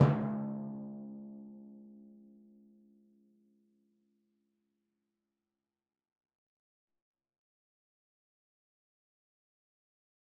<region> pitch_keycenter=49 lokey=48 hikey=50 tune=-35 volume=12.776824 lovel=100 hivel=127 seq_position=1 seq_length=2 ampeg_attack=0.004000 ampeg_release=30.000000 sample=Membranophones/Struck Membranophones/Timpani 1/Hit/Timpani3_Hit_v4_rr1_Sum.wav